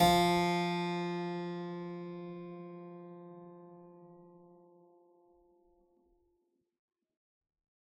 <region> pitch_keycenter=53 lokey=53 hikey=53 volume=-1 trigger=attack ampeg_attack=0.004000 ampeg_release=0.400000 amp_veltrack=0 sample=Chordophones/Zithers/Harpsichord, Unk/Sustains/Harpsi4_Sus_Main_F2_rr1.wav